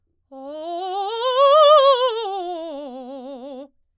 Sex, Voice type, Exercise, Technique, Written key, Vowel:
female, soprano, scales, fast/articulated forte, C major, o